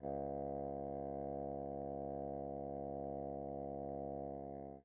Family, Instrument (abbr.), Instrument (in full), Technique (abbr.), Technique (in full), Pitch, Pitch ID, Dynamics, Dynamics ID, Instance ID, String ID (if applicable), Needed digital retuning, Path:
Winds, Bn, Bassoon, ord, ordinario, C#2, 37, pp, 0, 0, , FALSE, Winds/Bassoon/ordinario/Bn-ord-C#2-pp-N-N.wav